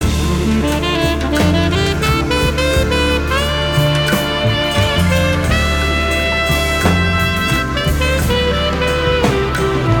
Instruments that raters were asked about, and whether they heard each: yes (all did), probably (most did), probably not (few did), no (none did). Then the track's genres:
saxophone: yes
trumpet: probably not
clarinet: no
Folk; New Age